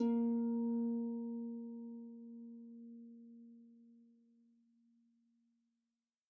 <region> pitch_keycenter=58 lokey=58 hikey=59 volume=16.099628 xfout_lovel=70 xfout_hivel=100 ampeg_attack=0.004000 ampeg_release=30.000000 sample=Chordophones/Composite Chordophones/Folk Harp/Harp_Normal_A#2_v2_RR1.wav